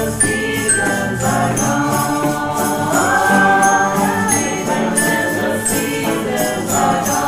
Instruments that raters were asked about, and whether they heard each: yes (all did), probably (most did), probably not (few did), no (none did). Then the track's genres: bass: no
voice: yes
Experimental